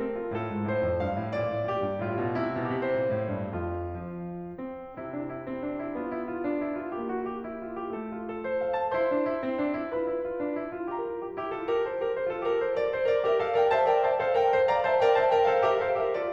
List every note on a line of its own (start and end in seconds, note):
0.01 0.32 C4
0.01 0.17 A4
0.17 0.32 F4
0.32 0.53 A2
0.32 0.71 A4
0.53 0.71 G#2
0.71 0.84 A2
0.71 0.99 C5
0.84 0.99 F2
0.99 1.16 G2
0.99 1.35 F5
1.17 1.35 A2
1.35 1.54 A#2
1.35 1.69 D5
1.54 1.69 A2
1.72 1.88 A#2
1.72 2.05 G4
1.88 2.05 G2
2.05 2.23 A2
2.05 2.43 F4
2.25 2.43 B2
2.43 2.58 C3
2.43 2.75 E4
2.58 2.75 B2
2.75 2.87 C3
2.75 3.04 G4
2.89 3.04 A#2
3.04 3.28 A2
3.04 3.57 C5
3.28 3.57 G2
3.59 4.16 F2
3.59 4.16 F4
4.16 4.59 F3
4.59 4.96 C4
4.96 8.27 C3
4.96 5.96 C4
4.96 5.13 E4
5.13 5.29 D4
5.29 5.45 E4
5.45 5.65 C4
5.66 5.81 D4
5.81 5.96 E4
5.96 6.94 B3
5.96 6.14 F4
6.14 6.31 E4
6.31 6.45 F4
6.45 6.62 D4
6.64 6.79 E4
6.79 6.94 F4
6.94 7.92 A#3
6.94 7.08 G4
7.08 7.23 F#4
7.25 7.40 G4
7.40 7.59 E4
7.59 7.74 F4
7.75 7.92 G4
7.92 8.27 A3
7.92 8.09 A4
8.09 8.27 F4
8.28 8.43 A4
8.43 8.59 C5
8.59 8.74 F5
8.74 8.90 A5
8.90 9.06 E4
8.90 9.87 C5
8.90 9.87 C6
9.06 9.20 D4
9.20 9.39 E4
9.40 9.56 C4
9.56 9.73 D4
9.73 9.87 E4
9.89 10.12 F4
9.89 10.93 B4
9.89 10.93 B5
10.12 10.27 E4
10.27 10.41 F4
10.42 10.58 D4
10.58 10.76 E4
10.76 10.93 F4
10.93 11.05 G4
10.93 11.22 A#4
10.93 11.22 A#5
11.05 11.22 F4
11.22 11.41 G4
11.41 11.56 E4
11.41 11.56 G4
11.57 11.74 F4
11.57 11.74 A4
11.74 11.87 G4
11.74 11.87 A#4
11.87 12.03 A4
11.87 12.03 C5
12.05 12.15 G4
12.05 12.15 A#4
12.15 12.28 A4
12.15 12.28 C5
12.28 12.41 F4
12.28 12.41 A4
12.41 12.56 G4
12.41 12.56 A#4
12.56 12.71 A4
12.56 12.71 C5
12.71 12.88 A#4
12.71 12.88 D5
12.88 13.10 A4
12.88 13.10 C5
13.11 13.26 A#4
13.11 13.26 D5
13.26 13.39 G4
13.26 13.39 A#4
13.26 13.39 E5
13.39 13.53 A4
13.39 13.53 C5
13.39 13.53 F5
13.54 13.71 A#4
13.54 13.71 D5
13.54 13.71 G5
13.71 13.88 C5
13.71 13.88 E5
13.71 13.88 A5
13.88 14.04 A#4
13.88 14.04 D5
13.88 14.04 G5
14.07 14.23 C5
14.07 14.23 E5
14.07 14.23 A5
14.23 14.34 A4
14.23 14.34 C5
14.23 14.34 F5
14.34 14.52 A#4
14.34 14.52 D5
14.34 14.52 G5
14.52 14.67 C5
14.52 14.67 E5
14.52 14.67 A5
14.68 14.84 D5
14.68 14.84 F5
14.68 14.84 A#5
14.84 14.98 C5
14.84 14.98 E5
14.84 14.98 A5
14.98 15.15 A#4
14.98 15.15 D5
14.98 15.15 G5
15.17 15.31 C5
15.17 15.31 E5
15.17 15.31 A5
15.31 15.45 A#4
15.31 15.45 D5
15.31 15.45 G5
15.45 15.61 A4
15.45 15.61 C5
15.45 15.61 F5
15.62 15.81 G4
15.62 15.81 A#4
15.62 15.81 E5
15.81 15.99 A4
15.81 15.99 C5
15.81 15.99 F5
15.99 16.17 G4
15.99 16.17 A#4
15.99 16.17 E5
16.17 16.33 F4
16.17 16.33 A4
16.17 16.33 D5